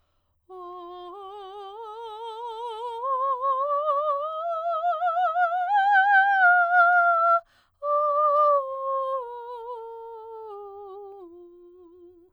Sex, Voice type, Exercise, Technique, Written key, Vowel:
female, soprano, scales, slow/legato piano, F major, o